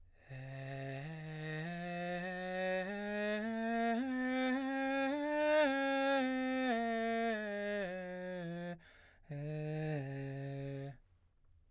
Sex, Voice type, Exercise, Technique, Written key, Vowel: male, baritone, scales, breathy, , e